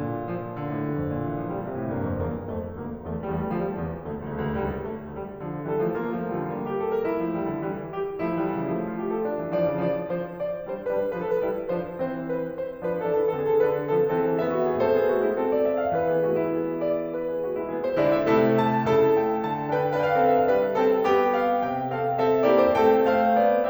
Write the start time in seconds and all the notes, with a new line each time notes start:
0.00 A#2
0.27 F3
0.57 D3
0.68 A2
0.86 G2
0.99 F2
1.13 A#2
1.27 E3
1.40 F3
1.52 G3
1.63 C3
1.75 A2
1.95 G2 A#3
2.11 F2
2.22 E2 A#3
2.45 F2 A3
2.72 D2 A#3
3.02 E2 A3
3.23 E2 G3
3.31 A3
3.37 G3
3.41 A3
3.48 D2 G3
3.54 A3
3.62 F3
3.68 G3
3.74 E2
4.02 D2 A3
4.34 C#2 D2 A3
4.42 C#2
4.48 D2
4.54 C#2 G3
4.61 D2
4.66 B1
4.71 C#2
4.77 A3
5.07 D2 G3
5.41 D3 F3
5.65 E3 G3 A4
5.80 F3 A3
5.94 G3 A#3 F4
6.12 F3 A3
6.39 E3 G3
6.48 D3 F3
6.61 G3 B3
6.69 G4
6.82 A4
6.92 A#4
7.05 E4
7.24 F3 A3
7.38 E3 G3
7.52 D3 F3
7.63 E3 G3
7.88 G4
8.24 F3 A3 E4
8.43 E3 G3
8.54 D3 F3
8.65 C#3 E3
8.77 F3 A3
8.86 F4
8.97 G4
9.11 A4
9.22 D4
9.38 E3 G3
9.53 D3 F3 D5
9.66 C#3 E3
9.76 D3 F3 D5
10.03 F3 D4 C5
10.31 D5
10.62 G3 E4 C5
10.84 G3 E4 B4
10.91 C5
10.97 B4
11.02 C5
11.08 F3 D4 B4
11.17 C5
11.23 A4
11.27 B4
11.35 G3 E4
11.61 F3 D4 C5
12.03 E3 C4 C5
12.31 B4
12.54 C5
12.76 F3 D4 B4
13.01 G3 D4 A4
13.08 B4
13.15 A4
13.20 B4
13.27 E3 C4 A4
13.33 B4
13.39 G#4
13.47 A4
13.51 D3 D4 B4
13.87 F3 C4 A4
14.13 E3 C4 G#4
14.20 A4
14.27 G#4
14.35 A4
14.42 B3 G#4 E5
14.49 A4
14.57 F#4
14.66 G#4
14.73 A2 C4 A4 C5
14.86 B3 G#4
15.12 A3 F#4
15.23 G#3 E4
15.34 C4 A4
15.52 D5
15.60 E5
15.84 F5
15.95 E3 B4
16.11 B3 G#4
16.23 A3 F#4
16.36 G#3 E4
16.47 B3 G#4
16.80 D5
17.14 B4
17.36 B3 G#4
17.47 A3 F#4
17.58 G#3 E4
17.71 E3 B3 G#4
17.82 C5
18.01 D3 G#3 E4 D5
18.12 E5
18.24 C3 A3 E4 A4
18.58 A5
18.96 C#3 E4 A4 A5
19.19 A3 G5
19.49 D3 A5
19.75 D4 B4 G5
19.98 D4 B4 F5
20.04 G5
20.10 F5
20.17 G5
20.22 C4 A4 F5
20.27 G5
20.34 E5
20.40 F5
20.47 G3 D4 B4
20.74 C4 A4 G5
21.05 B3 G4 G5
21.47 F5
21.71 C3 G5
22.00 C4 A4 F5
22.21 C4 A4 E5
22.47 A#3 E4 G4 D5
22.58 C5
22.73 A3 C4 A4 G5
23.09 A3 C5 F5
23.38 B3 D5